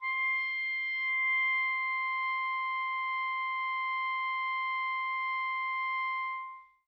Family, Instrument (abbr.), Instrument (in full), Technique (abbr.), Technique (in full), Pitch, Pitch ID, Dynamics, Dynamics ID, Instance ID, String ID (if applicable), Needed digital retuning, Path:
Winds, ClBb, Clarinet in Bb, ord, ordinario, C6, 84, mf, 2, 0, , FALSE, Winds/Clarinet_Bb/ordinario/ClBb-ord-C6-mf-N-N.wav